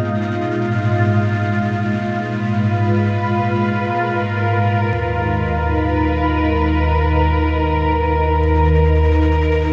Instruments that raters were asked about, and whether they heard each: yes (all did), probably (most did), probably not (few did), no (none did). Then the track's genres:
cello: probably
Ambient Electronic; Ambient